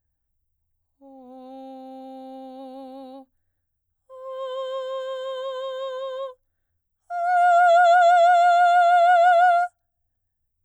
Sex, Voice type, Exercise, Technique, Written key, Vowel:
female, soprano, long tones, straight tone, , o